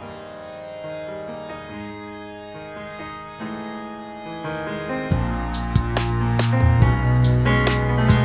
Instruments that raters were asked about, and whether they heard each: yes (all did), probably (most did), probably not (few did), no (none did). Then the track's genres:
cello: no
Jazz; Rock; Electronic